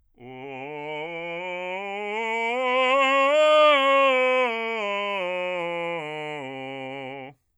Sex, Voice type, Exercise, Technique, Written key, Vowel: male, bass, scales, belt, , o